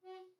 <region> pitch_keycenter=66 lokey=65 hikey=67 tune=-18 volume=19.696190 offset=589 ampeg_attack=0.004000 ampeg_release=10.000000 sample=Aerophones/Edge-blown Aerophones/Baroque Alto Recorder/Staccato/AltRecorder_Stac_F#3_rr1_Main.wav